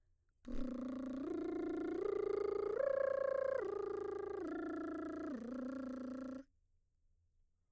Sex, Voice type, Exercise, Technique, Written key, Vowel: female, mezzo-soprano, arpeggios, lip trill, , a